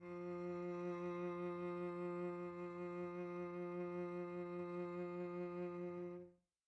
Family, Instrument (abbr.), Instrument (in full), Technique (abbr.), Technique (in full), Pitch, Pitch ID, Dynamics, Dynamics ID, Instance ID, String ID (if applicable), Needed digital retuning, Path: Strings, Vc, Cello, ord, ordinario, F3, 53, pp, 0, 2, 3, FALSE, Strings/Violoncello/ordinario/Vc-ord-F3-pp-3c-N.wav